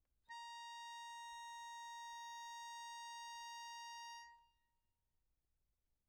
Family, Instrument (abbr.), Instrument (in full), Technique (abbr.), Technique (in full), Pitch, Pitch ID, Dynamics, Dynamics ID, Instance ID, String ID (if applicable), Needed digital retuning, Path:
Keyboards, Acc, Accordion, ord, ordinario, A#5, 82, mf, 2, 2, , FALSE, Keyboards/Accordion/ordinario/Acc-ord-A#5-mf-alt2-N.wav